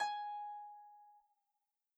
<region> pitch_keycenter=80 lokey=80 hikey=81 tune=-4 volume=16.321129 xfout_lovel=70 xfout_hivel=100 ampeg_attack=0.004000 ampeg_release=30.000000 sample=Chordophones/Composite Chordophones/Folk Harp/Harp_Normal_G#4_v2_RR1.wav